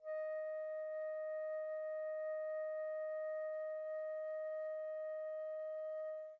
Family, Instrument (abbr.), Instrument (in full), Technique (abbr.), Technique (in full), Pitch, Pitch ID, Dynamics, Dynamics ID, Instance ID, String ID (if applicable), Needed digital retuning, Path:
Winds, Fl, Flute, ord, ordinario, D#5, 75, pp, 0, 0, , TRUE, Winds/Flute/ordinario/Fl-ord-D#5-pp-N-T10u.wav